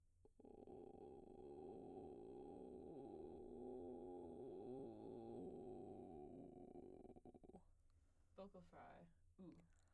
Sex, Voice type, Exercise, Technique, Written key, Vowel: female, soprano, arpeggios, vocal fry, , o